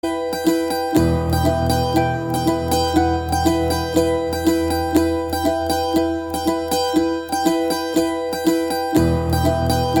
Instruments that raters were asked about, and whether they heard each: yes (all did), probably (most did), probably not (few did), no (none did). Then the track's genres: ukulele: yes
mandolin: probably
banjo: no
organ: no
Post-Rock